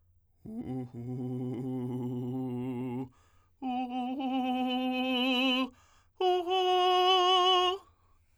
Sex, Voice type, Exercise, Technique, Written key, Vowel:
male, tenor, long tones, trillo (goat tone), , u